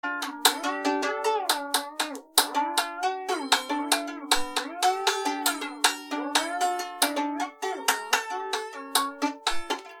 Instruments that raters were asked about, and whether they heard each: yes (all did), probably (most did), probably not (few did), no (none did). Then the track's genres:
mandolin: yes
Avant-Garde; Musique Concrete; Improv; Sound Art; Instrumental